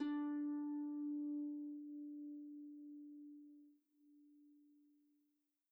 <region> pitch_keycenter=62 lokey=62 hikey=63 tune=-1 volume=24.529100 xfout_lovel=70 xfout_hivel=100 ampeg_attack=0.004000 ampeg_release=30.000000 sample=Chordophones/Composite Chordophones/Folk Harp/Harp_Normal_D3_v2_RR1.wav